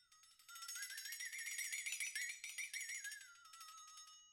<region> pitch_keycenter=61 lokey=61 hikey=61 volume=20.000000 ampeg_attack=0.004000 ampeg_release=1.000000 sample=Idiophones/Struck Idiophones/Flexatone/flexatone_fast.wav